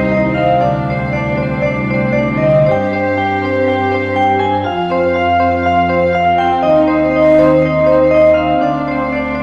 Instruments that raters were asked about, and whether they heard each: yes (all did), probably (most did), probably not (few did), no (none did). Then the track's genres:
mallet percussion: probably
Easy Listening; Soundtrack; Instrumental